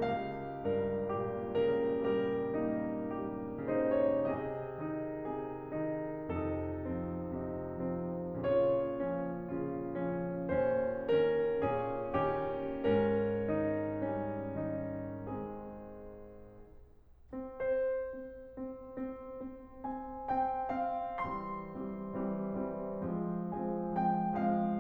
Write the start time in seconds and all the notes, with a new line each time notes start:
0.01 C#2 G4 F5
0.64 G2 A#4
1.14 A#2 G4
1.57 C#3 A#4
2.00 G3 G4 A#4
2.49 A#3 D#4
3.24 G3 G4
3.69 C#3 D#4 C5
3.94 C#5
4.22 G#4 D#5
4.78 D#3 D#4
5.29 C3 G#4
5.75 D#3 D#4
6.30 F2 C3 D#4 A4
6.89 F3 C4
7.33 C3 D#4
7.77 F3 C4
8.45 A#2 C#3 F4 C#5
8.98 F3 C#4
9.57 C#3 F4
10.07 F3 C#4
10.56 D#2 A#2 C#4 C5
11.26 D#3 C#4 A#4
11.67 A#2 C#4 G#4
12.15 D#3 C#4 G4
12.87 G#2 C#4 A#4
13.52 D#3 D#4
14.04 G3 C#4
14.61 D#3 D#4
15.26 G#3 C4 G#4
17.29 C4
17.58 C5
18.25 C4
18.74 C4
19.15 C4
19.45 C4
19.82 C4 G#5
20.27 C4 G5
20.75 C4 F5
21.28 E3 G3 C4 C6
21.73 E3 G3 C4
22.18 E3 G3 C4
22.67 E3 G3 C4
23.11 F3 G#3 C4
23.52 F3 G#3 C4 G#5
23.95 F3 G#3 C4 G5
24.39 F3 G#3 C4 F5